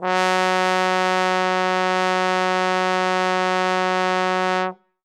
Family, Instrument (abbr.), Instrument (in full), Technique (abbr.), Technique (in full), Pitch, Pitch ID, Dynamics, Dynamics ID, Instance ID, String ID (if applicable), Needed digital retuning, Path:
Brass, Tbn, Trombone, ord, ordinario, F#3, 54, ff, 4, 0, , FALSE, Brass/Trombone/ordinario/Tbn-ord-F#3-ff-N-N.wav